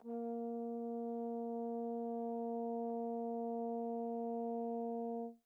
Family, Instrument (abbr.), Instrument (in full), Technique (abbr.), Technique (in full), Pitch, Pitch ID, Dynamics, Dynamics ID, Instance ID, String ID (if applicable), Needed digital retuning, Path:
Brass, Tbn, Trombone, ord, ordinario, A#3, 58, pp, 0, 0, , FALSE, Brass/Trombone/ordinario/Tbn-ord-A#3-pp-N-N.wav